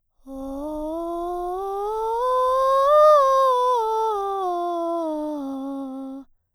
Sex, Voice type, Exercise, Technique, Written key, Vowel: female, soprano, scales, breathy, , o